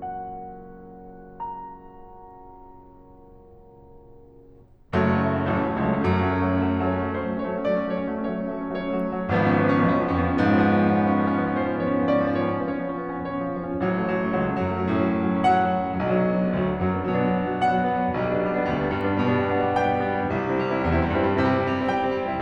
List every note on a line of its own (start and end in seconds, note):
0.00 5.17 F#5
1.37 5.17 A#5
5.18 5.65 F#1
5.18 5.31 F#3
5.18 5.31 A3
5.26 5.38 C#4
5.34 5.45 F#3
5.34 5.45 A3
5.41 5.56 C#4
5.48 5.64 F#3
5.48 5.63 A3
5.57 5.71 C#4
5.65 5.90 A1
5.65 5.76 F#3
5.65 5.76 A3
5.72 5.87 C#4
5.79 5.96 F#3
5.79 5.94 A3
5.91 6.14 C#2
5.91 6.05 C#4
5.98 6.13 F#3
5.98 6.12 A3
6.06 6.23 C#4
6.14 6.69 F#2
6.14 6.29 F#3
6.14 6.29 A3
6.25 6.40 C#4
6.35 6.49 F#3
6.35 6.48 A3
6.43 6.59 C#4
6.51 6.68 F#3
6.51 6.66 A3
6.61 6.76 C#4
6.69 6.83 F#3
6.69 6.83 A3
6.77 6.95 C#4
6.90 7.05 F#3
6.90 7.04 A3
6.99 7.14 C#4
6.99 7.23 C#5
7.07 7.22 F#3
7.07 7.20 A3
7.15 7.31 C#4
7.23 7.37 F#3
7.23 7.37 A3
7.23 7.47 C5
7.33 7.44 C#4
7.40 7.51 F#3
7.40 7.51 A3
7.47 7.57 C#4
7.47 7.65 C#5
7.52 7.64 F#3
7.52 7.63 A3
7.58 7.77 C#4
7.65 7.86 F#3
7.65 7.86 A3
7.65 7.96 D5
7.80 7.94 C#4
7.89 8.02 F#3
7.89 8.02 A3
7.96 8.09 C#4
7.96 8.19 C#5
8.05 8.17 F#3
8.05 8.16 A3
8.10 8.27 C#4
8.19 8.32 F#3
8.19 8.32 A3
8.19 8.65 C#5
8.29 8.41 C#4
8.36 8.48 F#3
8.36 8.48 A3
8.42 8.56 C#4
8.50 8.64 F#3
8.50 8.63 A3
8.57 8.71 C#4
8.65 8.77 F#3
8.65 8.77 A3
8.65 9.29 C#5
8.73 8.89 C#4
8.82 9.01 F#3
8.82 9.01 A3
8.94 9.17 C#4
9.03 9.28 F#3
9.03 9.28 A3
9.18 9.29 C#4
9.30 9.88 G#1
9.30 9.44 F3
9.30 9.44 B3
9.38 9.58 C#4
9.47 9.67 F3
9.47 9.66 B3
9.59 9.76 C#4
9.68 9.83 F3
9.68 9.87 B3
9.78 9.94 C#4
9.89 10.18 B1
9.89 10.02 F3
9.89 10.04 B3
9.97 10.17 C#4
10.07 10.25 F3
10.07 10.24 B3
10.18 10.44 F2
10.18 10.33 C#4
10.26 10.41 F3
10.26 10.43 B3
10.37 10.51 C#4
10.46 11.15 G#2
10.46 10.60 F3
10.46 10.62 B3
10.54 10.73 C#4
10.65 10.91 F3
10.65 10.90 B3
10.75 11.03 C#4
10.94 11.10 F3
10.94 11.11 B3
11.05 11.19 C#4
11.15 11.27 F3
11.15 11.28 B3
11.23 11.38 C#4
11.31 11.42 F3
11.31 11.41 B3
11.38 11.51 C#4
11.38 11.60 C#5
11.44 11.56 F3
11.44 11.58 B3
11.52 11.66 C#4
11.60 11.74 F3
11.60 11.75 B3
11.60 11.87 C5
11.69 11.85 C#4
11.78 11.94 F3
11.78 11.92 B3
11.87 12.04 C#4
11.87 12.12 C#5
11.96 12.10 F3
11.96 12.11 B3
12.05 12.17 C#4
12.12 12.25 F3
12.12 12.25 B3
12.12 12.35 D5
12.19 12.34 C#4
12.27 12.42 F3
12.27 12.41 B3
12.35 12.49 C#4
12.35 12.59 C#5
12.43 12.55 F3
12.43 12.56 B3
12.50 12.63 C#4
12.59 12.72 F3
12.59 12.72 B3
12.59 13.07 C#5
12.67 12.82 C#4
12.75 12.90 F3
12.75 12.89 B3
12.83 12.98 C#4
12.91 13.04 F3
12.91 13.05 B3
12.99 13.13 C#4
13.07 13.22 F3
13.07 13.22 B3
13.07 13.58 C#5
13.17 13.32 C#4
13.25 13.41 F3
13.25 13.39 B3
13.34 13.49 C#4
13.42 13.55 F3
13.42 13.56 B3
13.50 13.58 C#4
13.58 14.23 A1
13.58 13.73 F#3
13.66 13.86 A3
13.66 13.87 C#4
13.79 13.99 F#3
13.89 14.08 A3
13.89 14.09 C#4
14.02 14.20 F#3
14.12 14.32 A3
14.12 14.30 C#4
14.23 14.52 C#2
14.23 14.38 F#3
14.33 14.51 A3
14.33 14.52 C#4
14.44 14.62 F#3
14.57 14.83 F#2
14.57 14.71 A3
14.57 14.72 C#4
14.65 14.80 F#3
14.74 14.93 A3
14.74 14.91 C#4
14.83 15.12 A2
14.83 15.01 F#3
14.94 15.09 A3
14.94 15.10 C#4
15.05 15.16 F#3
15.12 15.27 A3
15.12 15.28 C#4
15.20 15.36 F#3
15.30 15.46 A3
15.30 15.44 C#4
15.38 15.53 F#3
15.38 15.67 F#5
15.48 15.65 A3
15.48 15.66 C#4
15.57 15.72 F#3
15.67 15.81 A3
15.67 15.84 C#4
15.75 15.95 F#3
15.87 15.96 A3
15.87 15.96 C#4
15.96 16.49 B1
15.96 16.15 F#3
16.06 16.21 B3
16.06 16.22 D4
16.16 16.35 F#3
16.25 16.40 B3
16.25 16.40 D4
16.36 16.49 F#3
16.43 16.54 B3
16.43 16.54 D4
16.49 16.75 D2
16.49 16.66 F#3
16.58 16.72 B3
16.58 16.73 D4
16.67 16.83 F#3
16.75 17.12 F#2
16.75 16.94 B3
16.75 16.97 D4
16.85 17.11 F#3
17.00 17.18 B3
17.00 17.18 D4
17.12 17.38 B2
17.12 17.29 F#3
17.22 17.35 B3
17.22 17.36 D4
17.30 17.45 F#3
17.38 17.51 B3
17.38 17.52 D4
17.46 17.62 F#3
17.55 17.71 B3
17.55 17.71 D4
17.65 17.81 F#3
17.65 17.89 F#5
17.74 17.87 B3
17.74 17.89 D4
17.82 17.95 F#3
17.89 18.01 B3
17.89 18.02 D4
17.96 18.12 F#3
18.05 18.13 B3
18.05 18.13 D4
18.15 18.69 B1
18.15 18.29 G3
18.22 18.37 B3
18.22 18.36 D4
18.31 18.45 G3
18.39 18.54 B3
18.39 18.55 D4
18.48 18.65 G3
18.56 18.78 B3
18.56 18.78 D4
18.70 18.99 D2
18.70 18.88 G3
18.81 18.97 B3
18.81 18.96 D4
18.90 19.04 G3
18.99 19.24 G2
18.99 19.12 B3
18.99 19.13 D4
19.06 19.21 G3
19.16 19.32 B3
19.16 19.32 D4
19.24 19.88 B2
19.24 19.41 G3
19.34 19.49 B3
19.34 19.48 D4
19.44 19.60 G3
19.52 19.73 B3
19.52 19.74 D4
19.66 19.84 G3
19.76 19.93 B3
19.76 19.93 D4
19.88 20.02 G3
19.88 20.12 G5
19.96 20.10 B3
19.96 20.09 D4
20.04 20.18 G3
20.12 20.25 B3
20.12 20.26 D4
20.21 20.33 G3
20.28 20.35 B3
20.28 20.35 D4
20.35 20.83 C2
20.35 20.49 G3
20.43 20.60 C4
20.43 20.58 E4
20.51 20.65 G3
20.60 20.72 C4
20.60 20.71 E4
20.68 20.82 G3
20.75 20.89 C4
20.75 20.90 E4
20.83 21.12 E2
20.83 21.01 G3
20.93 21.12 C4
20.93 21.11 E4
21.04 21.18 G3
21.12 21.36 G2
21.12 21.26 C4
21.12 21.25 E4
21.21 21.35 G3
21.28 21.43 C4
21.28 21.46 E4
21.36 21.92 C3
21.36 21.54 G3
21.48 21.64 C4
21.48 21.63 E4
21.56 21.69 G3
21.65 21.78 C4
21.65 21.77 E4
21.72 21.87 G3
21.80 21.98 C4
21.80 21.98 E4
21.92 22.06 G3
21.92 22.16 G5
22.00 22.16 C4
22.00 22.15 E4
22.08 22.22 G3
22.18 22.34 C4
22.18 22.33 E4
22.28 22.41 G3
22.36 22.42 C4
22.36 22.42 E4